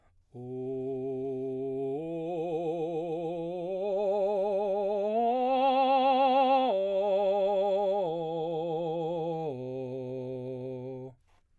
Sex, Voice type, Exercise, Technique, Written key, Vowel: male, baritone, arpeggios, vibrato, , o